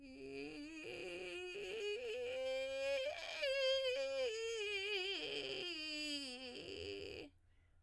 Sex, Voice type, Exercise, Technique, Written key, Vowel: female, soprano, scales, vocal fry, , i